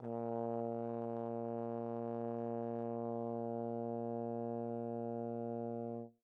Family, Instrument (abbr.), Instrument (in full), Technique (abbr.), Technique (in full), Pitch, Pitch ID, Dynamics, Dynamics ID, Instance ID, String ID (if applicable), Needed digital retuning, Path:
Brass, Tbn, Trombone, ord, ordinario, A#2, 46, pp, 0, 0, , FALSE, Brass/Trombone/ordinario/Tbn-ord-A#2-pp-N-N.wav